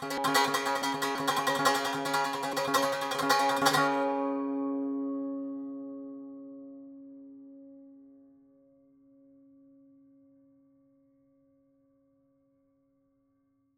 <region> pitch_keycenter=49 lokey=49 hikey=50 volume=9.483914 ampeg_attack=0.004000 ampeg_release=0.300000 sample=Chordophones/Zithers/Dan Tranh/Tremolo/C#2_Trem_1.wav